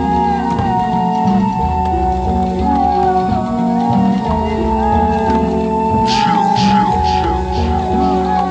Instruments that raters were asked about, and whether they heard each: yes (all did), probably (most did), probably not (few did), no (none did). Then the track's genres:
flute: yes
mallet percussion: no
Electronic; Ambient